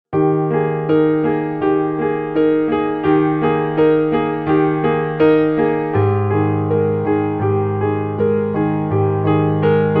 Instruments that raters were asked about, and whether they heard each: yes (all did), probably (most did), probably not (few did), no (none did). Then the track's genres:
guitar: no
piano: yes
Pop; Folk; Singer-Songwriter